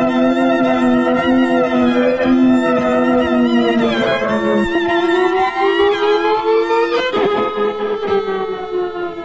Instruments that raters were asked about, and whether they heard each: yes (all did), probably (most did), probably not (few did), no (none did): violin: yes
cello: yes